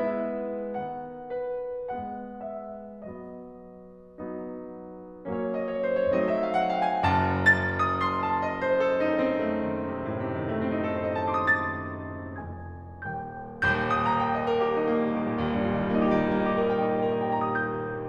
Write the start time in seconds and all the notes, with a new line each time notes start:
0.00 G#3 B3 E4 E5
0.74 D#3 B3 F#5
1.29 B4
1.93 G#3 B3 F#5
2.40 E5
3.04 F#3 B3 D#5
4.13 F#3 B3 D#4
5.31 F#3 A#3 C#4 C#5
5.47 D#5
5.63 C#5
5.82 C5
5.99 C#5
6.18 F#3 A3 C4 D#4 D#5
6.33 E5
6.46 F5
6.57 F#5
6.72 G5
6.90 G#5
7.07 F#1 F#2 A5
7.44 A6
7.76 D#6
8.02 C6
8.23 A5
8.43 D#5
8.59 C5
8.77 A4
8.94 D#4
9.25 C4
9.46 A3
9.67 D#3
10.03 A2
10.19 C3
10.33 D#3
10.50 A3
10.69 C4
10.86 D#4
11.01 A4
11.17 C5
11.32 D#5
11.44 A5
11.64 C6
11.77 D#6
12.05 A6
12.34 F1 F2 G#5 G#6
13.07 D#1 D#2 G5 G6
13.72 D#1 G6
13.87 D#6
14.02 A#5
14.15 G5
14.32 D#5
14.45 A#4
14.59 G4
14.72 D#4
14.86 A#3
14.97 G3
15.10 D#3
15.21 A#2
15.35 D#2
15.46 G2
15.56 A#2
15.65 D#3
15.78 G3
15.91 A#3
16.01 D#4
16.11 G4
16.20 G3
16.29 A#3
16.37 D#4
16.52 G4
16.61 G4
16.72 A#4
16.87 D#5
16.99 G5
17.11 D#4
17.26 G4
17.45 A#4
17.57 D#5
17.68 G5
17.80 A#5
17.89 D#6
18.00 G6